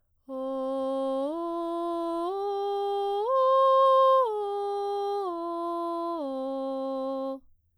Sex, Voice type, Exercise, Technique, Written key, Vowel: female, soprano, arpeggios, straight tone, , o